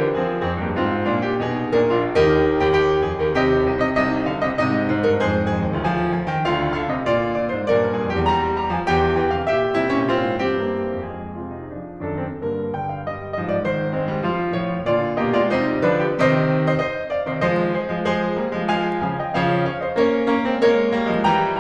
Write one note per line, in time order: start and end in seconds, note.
0.00 0.14 E3
0.00 0.14 G4
0.00 0.14 A#4
0.14 0.41 F3
0.14 0.41 C4
0.14 0.41 G#4
0.42 0.59 F2
0.42 0.59 C4
0.42 0.59 G#4
0.59 0.74 G2
0.59 0.74 A#3
0.59 0.74 G4
0.74 1.02 G#2
0.74 1.02 C4
0.74 1.02 F4
1.03 1.38 A#2
1.03 1.38 D4
1.03 1.25 F4
1.25 1.38 G4
1.38 1.67 B2
1.38 1.67 D#4
1.38 1.67 G#4
1.67 1.85 A#2
1.67 1.85 D4
1.67 2.04 A#4
1.85 2.04 A#1
1.85 2.04 D4
1.85 2.04 F4
2.04 2.53 D#2
2.04 2.53 D#4
2.04 2.39 G4
2.04 2.39 A#4
2.53 2.72 D#2
2.53 2.72 G4
2.72 3.07 D#2
2.72 3.07 G4
3.07 3.22 F2
3.07 3.22 G#4
3.22 3.36 D#2
3.22 3.36 G4
3.22 3.36 A#4
3.36 3.67 D#2
3.36 3.82 C3
3.36 3.67 G4
3.36 3.82 D#5
3.67 3.97 C2
3.67 3.97 D#4
3.82 3.97 C3
3.82 3.97 D#5
3.97 4.60 C2
3.97 4.27 C3
3.97 4.91 D#4
3.97 4.27 D#5
4.27 4.41 D3
4.27 4.41 F5
4.41 4.60 C3
4.41 4.60 D#5
4.60 4.91 G#2
4.60 4.91 C3
4.60 4.91 D#5
4.91 5.21 G#2
4.91 5.21 C5
5.07 5.21 G2
5.07 5.21 A#4
5.21 5.49 F2
5.21 5.82 G#2
5.21 5.49 G#4
5.21 5.82 C5
5.49 5.65 F2
5.49 5.65 G#4
5.65 5.82 D#2
5.65 5.82 G4
5.82 6.15 D2
5.82 6.15 F3
5.82 6.15 F4
5.82 6.15 G#5
6.15 6.30 F3
6.15 6.30 G#5
6.30 6.47 D#3
6.30 6.47 G5
6.47 7.06 D2
6.47 6.77 D3
6.47 7.06 F4
6.47 6.77 F5
6.77 6.92 D3
6.77 6.92 F5
6.92 7.06 C3
6.92 7.06 D#5
7.06 7.38 A#2
7.06 7.38 D5
7.38 7.51 A#2
7.38 7.51 D5
7.51 7.65 G#2
7.51 7.65 C5
7.65 7.91 G2
7.65 8.20 A#2
7.65 7.91 A#4
7.65 8.20 D5
7.91 8.03 G2
7.91 8.03 A#4
8.03 8.20 F2
8.03 8.20 G#4
8.20 8.46 E2
8.20 8.46 G3
8.20 8.46 G4
8.20 8.46 A#5
8.46 8.71 G3
8.46 8.71 A#5
8.71 8.85 F3
8.71 8.85 G#5
8.85 9.44 E2
8.85 9.15 E3
8.85 9.15 G5
9.15 9.31 E3
9.15 9.31 G5
9.31 9.44 D3
9.31 9.44 F5
9.44 9.76 C3
9.44 9.76 G4
9.44 9.76 E5
9.76 9.89 C3
9.76 9.89 G3
9.76 10.00 E4
9.89 10.00 A#2
9.89 10.00 C#4
10.01 10.38 G#2
10.01 10.38 C3
10.01 10.38 F4
10.38 10.80 G2
10.38 10.80 E3
10.38 10.65 C4
10.38 10.80 G4
10.65 10.80 A#3
10.82 12.07 F2
10.82 11.35 F3
10.82 11.35 G#3
10.82 12.07 G#4
11.35 11.74 C3
11.35 11.52 F4
11.52 11.74 D#4
11.75 12.07 F3
11.75 12.07 D4
12.07 12.36 F#2
12.07 12.36 D#3
12.07 12.25 D4
12.07 12.36 A4
12.25 12.36 C4
12.38 13.43 G2
12.38 12.79 D3
12.38 12.79 A#3
12.38 12.79 A#4
12.79 13.11 D3
12.79 12.96 G5
12.96 13.11 F5
13.12 13.43 G3
13.12 13.43 D#5
13.43 13.70 G2
13.43 13.70 F3
13.43 13.58 D#5
13.58 13.70 D5
13.71 14.61 G#2
13.71 14.01 D#3
13.71 14.61 C5
14.01 14.15 G#3
14.01 14.27 C4
14.15 14.27 G3
14.28 14.61 F3
14.28 14.95 F4
14.61 14.95 A2
14.61 14.83 F3
14.61 14.95 C#5
14.83 14.95 D#3
14.97 15.22 A#2
14.97 15.22 D3
14.97 15.22 F4
14.97 15.22 D5
15.22 15.46 B2
15.22 15.35 A#3
15.22 15.35 G4
15.22 15.35 D#5
15.35 15.46 G#3
15.35 15.46 F4
15.35 15.46 D5
15.48 15.87 C3
15.48 15.87 G3
15.48 15.87 D#4
15.48 15.87 C5
15.87 16.21 D3
15.87 16.21 F3
15.87 16.21 D4
15.87 16.07 B4
16.07 16.21 G4
16.22 16.52 G#2
16.22 16.52 C3
16.22 16.67 C5
16.22 16.67 D#5
16.67 16.81 C5
16.67 16.81 D#5
16.82 17.10 C5
16.82 17.10 D#5
17.10 17.22 D5
17.10 17.22 F5
17.22 17.37 C3
17.22 17.37 D#3
17.22 17.37 C5
17.22 17.37 D#5
17.38 17.86 F3
17.38 17.86 G#3
17.38 17.69 C5
17.38 17.69 D#5
17.69 18.07 G#4
17.69 18.07 C5
17.86 18.07 F3
17.86 18.07 G#3
18.08 18.40 F3
18.08 18.40 G#3
18.08 18.74 G#4
18.08 18.74 C5
18.40 18.53 G3
18.40 18.53 A#3
18.53 18.74 F3
18.53 18.74 G#3
18.74 19.05 F3
18.74 19.05 G#3
18.74 19.05 F5
18.74 19.05 G#5
19.05 19.32 C#3
19.05 19.32 F3
19.05 19.18 F5
19.05 19.18 G#5
19.19 19.32 D#5
19.19 19.32 G5
19.32 19.97 C#3
19.32 19.97 F3
19.32 19.66 C#5
19.32 19.66 F5
19.66 19.81 C#5
19.66 19.81 F5
19.82 19.97 C5
19.82 19.97 D#5
19.97 20.33 A#3
19.97 20.33 C#4
19.97 20.33 A#4
19.97 20.33 C#5
20.33 20.47 A#3
20.33 20.47 C#4
20.48 20.64 G#3
20.48 20.64 C4
20.64 20.93 G3
20.64 20.93 A#3
20.64 21.33 A#4
20.64 21.33 C#5
20.93 21.06 F3
20.93 21.06 A#3
21.07 21.33 F3
21.07 21.33 G#3
21.33 21.61 E3
21.33 21.61 G3
21.33 21.61 G5
21.33 21.61 A#5